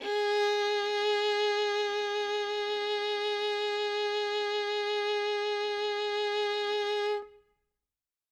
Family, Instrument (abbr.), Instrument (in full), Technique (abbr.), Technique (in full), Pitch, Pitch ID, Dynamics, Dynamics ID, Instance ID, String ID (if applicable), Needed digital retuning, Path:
Strings, Vn, Violin, ord, ordinario, G#4, 68, ff, 4, 3, 4, FALSE, Strings/Violin/ordinario/Vn-ord-G#4-ff-4c-N.wav